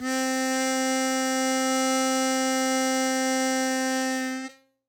<region> pitch_keycenter=60 lokey=58 hikey=62 volume=6.593665 trigger=attack ampeg_attack=0.100000 ampeg_release=0.100000 sample=Aerophones/Free Aerophones/Harmonica-Hohner-Super64/Sustains/Accented/Hohner-Super64_Accented_C3.wav